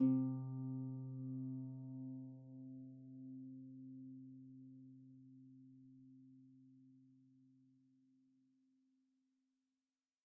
<region> pitch_keycenter=48 lokey=48 hikey=49 volume=17.221299 xfout_lovel=70 xfout_hivel=100 ampeg_attack=0.004000 ampeg_release=30.000000 sample=Chordophones/Composite Chordophones/Folk Harp/Harp_Normal_C2_v2_RR1.wav